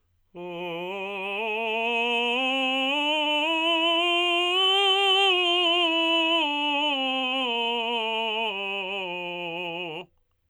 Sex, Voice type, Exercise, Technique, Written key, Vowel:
male, tenor, scales, slow/legato forte, F major, o